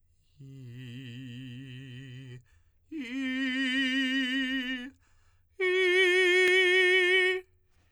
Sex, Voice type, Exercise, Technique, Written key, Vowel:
male, tenor, long tones, full voice pianissimo, , i